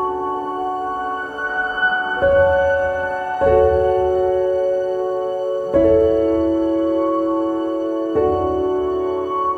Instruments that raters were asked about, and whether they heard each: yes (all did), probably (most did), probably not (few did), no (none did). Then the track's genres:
flute: probably
Classical; Soundtrack; Ambient; Contemporary Classical